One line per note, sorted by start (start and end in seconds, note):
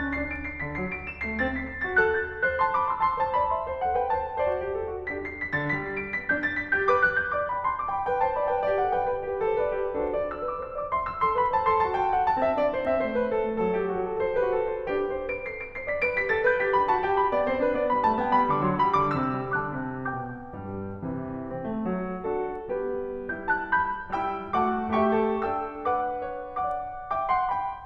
0.01 0.17 C#4
0.01 0.17 A6
0.17 0.48 D4
0.17 0.33 C7
0.33 0.48 D7
0.48 0.61 C7
0.62 0.81 D3
0.62 0.81 B6
0.81 1.14 F#3
0.81 0.96 C7
0.96 1.14 D7
1.14 1.27 E7
1.28 1.42 A3
1.28 1.42 C7
1.42 1.74 C4
1.42 1.58 A6
1.58 1.74 B6
1.74 1.86 C7
1.88 2.00 F#4
1.88 2.00 A6
2.00 2.35 A4
2.00 2.20 F#6
2.20 2.35 G6
2.35 2.48 C5
2.35 2.48 A6
2.49 2.61 A4
2.49 2.61 F#6
2.61 2.75 A5
2.61 2.75 C6
2.75 2.90 B5
2.75 2.90 D6
2.90 3.05 C6
2.90 3.05 E6
3.06 3.24 A5
3.06 3.24 C6
3.24 3.38 C5
3.24 3.38 A5
3.38 3.56 D5
3.38 3.56 B5
3.56 3.67 E5
3.56 3.67 C6
3.69 3.81 C5
3.69 3.81 A5
3.81 3.96 A4
3.81 3.96 F#5
3.96 4.08 B4
3.96 4.08 G5
4.08 4.24 C5
4.08 4.24 A5
4.26 4.39 A4
4.26 4.39 F#5
4.39 4.58 F#4
4.39 4.71 A4
4.39 4.71 C5
4.39 4.71 D5
4.58 4.71 G4
4.73 4.93 A4
4.93 5.09 F#4
5.09 5.38 D4
5.09 5.38 G4
5.09 5.38 B4
5.09 5.23 B6
5.23 5.38 C7
5.39 5.53 B6
5.53 5.76 D3
5.53 5.76 A6
5.76 6.05 G3
5.76 5.92 B6
5.92 6.05 C7
6.07 6.18 D7
6.18 6.31 B3
6.18 6.31 B6
6.31 6.58 D4
6.31 6.46 G6
6.46 6.58 A6
6.59 6.73 B6
6.73 6.90 G4
6.73 6.90 G6
6.90 7.25 B4
6.90 7.05 D6
7.05 7.25 F#6
7.26 7.38 G6
7.38 7.52 D5
7.38 7.52 D6
7.52 7.65 G5
7.52 7.65 B5
7.65 7.76 A5
7.65 7.76 C6
7.77 7.90 B5
7.77 7.90 D6
7.90 8.07 G5
7.90 8.07 B5
8.07 8.24 B4
8.07 8.24 G5
8.24 8.36 C5
8.24 8.36 A5
8.38 8.52 D5
8.38 8.52 B5
8.52 8.67 B4
8.52 8.67 G5
8.67 8.83 G4
8.67 8.83 D5
8.83 8.96 A4
8.83 8.96 F#5
8.99 9.13 B4
8.99 9.13 G5
9.13 9.28 G4
9.13 9.28 B4
9.28 9.46 G4
9.28 9.46 B4
9.46 9.57 A4
9.46 9.57 C5
9.58 9.72 B4
9.58 9.72 D5
9.72 9.92 G4
9.72 9.92 B4
9.92 10.28 D4
9.92 10.28 F#4
9.92 10.28 A4
9.92 10.06 C5
10.06 10.28 D5
10.29 10.43 C5
10.29 10.43 E6
10.43 10.57 B4
10.43 10.57 D6
10.57 10.76 C5
10.57 10.76 E6
10.76 10.92 D5
10.76 10.92 D6
10.93 11.08 E5
10.93 11.08 C6
11.08 11.22 C5
11.08 11.22 E6
11.22 11.38 A4
11.22 11.38 C6
11.38 11.53 B4
11.38 11.53 B5
11.55 11.67 C5
11.55 11.67 A5
11.67 11.84 A4
11.67 11.84 C6
11.84 12.00 F#4
11.84 12.00 A5
12.00 12.14 G4
12.00 12.14 G5
12.15 12.27 A4
12.15 12.27 F#5
12.27 12.42 F#4
12.27 12.42 A5
12.42 12.59 C4
12.42 12.59 E5
12.59 12.73 D4
12.59 12.73 D5
12.74 12.88 E4
12.74 12.88 C5
12.88 13.02 C4
12.88 13.02 E5
13.02 13.14 A3
13.02 13.14 C5
13.15 13.28 B3
13.15 13.28 B4
13.28 13.40 C4
13.28 13.40 A4
13.40 13.58 A3
13.40 13.58 C5
13.58 13.72 F#3
13.58 13.72 A4
13.73 13.87 G3
13.73 13.87 G4
13.87 14.02 A3
13.87 14.02 F#4
14.02 14.18 F#3
14.02 14.18 A4
14.18 14.36 A4
14.18 14.36 C5
14.37 14.52 G4
14.37 14.52 B4
14.52 14.67 F#4
14.52 14.67 A4
14.67 14.88 A4
14.67 14.88 C5
14.88 15.28 D4
14.88 15.28 G4
14.88 15.09 B4
15.11 15.28 C5
15.28 15.44 B4
15.28 15.44 D7
15.44 15.60 A4
15.44 15.60 C7
15.60 15.76 B4
15.60 15.76 D7
15.77 15.90 C5
15.77 15.90 C7
15.90 16.07 D5
15.90 16.07 B6
16.07 16.26 B4
16.07 16.26 D7
16.26 16.40 G4
16.26 16.40 B6
16.41 16.54 A4
16.41 16.54 A6
16.54 16.67 B4
16.54 16.67 G6
16.67 16.81 G4
16.67 16.81 B6
16.81 16.92 D4
16.81 16.92 B5
16.93 17.05 F#4
16.93 17.05 A5
17.05 17.18 G4
17.05 17.18 G5
17.18 17.33 D4
17.18 17.33 B5
17.33 17.46 B3
17.33 17.46 D5
17.47 17.61 C4
17.47 17.61 C5
17.61 17.73 D4
17.61 17.73 B4
17.73 17.87 B3
17.73 17.87 D5
17.87 18.05 G3
17.87 18.05 B5
18.06 18.20 A3
18.06 18.20 A5
18.20 18.33 B3
18.20 18.33 G5
18.33 18.50 G3
18.33 18.50 B5
18.50 18.64 D3
18.50 18.64 D6
18.65 18.79 F#3
18.65 18.79 C6
18.79 19.03 G3
18.79 19.03 B5
19.03 19.21 D3
19.03 19.21 D6
19.21 19.38 C3
19.21 19.57 E6
19.39 19.57 G3
19.57 19.73 D3
19.57 20.07 A5
19.57 20.07 D6
19.57 20.07 F#6
19.73 20.07 C3
20.07 20.49 B2
20.07 20.49 G5
20.07 20.49 D6
20.07 20.49 G6
20.49 21.04 G2
20.49 21.04 G3
21.04 21.24 C3
21.04 21.24 E3
21.51 21.67 C4
21.67 21.89 A3
21.89 22.25 F#3
22.25 22.71 D3
22.25 22.71 D4
22.25 22.71 F#4
22.25 22.71 A4
22.77 23.12 G3
22.77 23.12 B3
22.77 23.12 G4
22.77 23.12 B4
23.35 24.11 G3
23.35 24.11 E4
23.35 23.49 B5
23.35 23.49 G6
23.49 23.68 A5
23.49 23.68 F#6
23.69 24.11 B5
23.69 24.11 G6
24.11 24.53 G3
24.11 24.53 E4
24.11 24.53 G5
24.11 24.53 B5
24.11 24.53 E6
24.54 24.96 A3
24.54 24.96 F#4
24.54 24.96 F#5
24.54 24.96 A5
24.54 24.96 D6
24.96 25.40 A3
24.96 25.18 G4
24.96 25.40 E5
24.96 25.40 G5
24.96 25.40 C#6
25.18 25.40 A4
25.40 27.12 D4
25.40 25.90 A4
25.40 25.90 G5
25.40 25.90 E6
25.90 26.30 B4
25.90 26.56 F#5
25.90 26.56 D6
26.30 26.56 C#5
26.56 27.12 D5
26.56 27.12 F#5
26.56 27.12 D6
27.12 27.31 E5
27.12 27.31 G5
27.12 27.31 D6
27.31 27.51 F#5
27.31 27.51 A5
27.31 27.51 C6
27.51 27.86 G5
27.51 27.86 B5